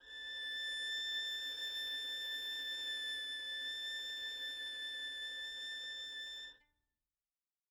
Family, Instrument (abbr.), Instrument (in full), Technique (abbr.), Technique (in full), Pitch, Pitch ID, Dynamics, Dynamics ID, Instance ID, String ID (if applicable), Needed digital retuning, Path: Strings, Vn, Violin, ord, ordinario, A6, 93, mf, 2, 1, 2, FALSE, Strings/Violin/ordinario/Vn-ord-A6-mf-2c-N.wav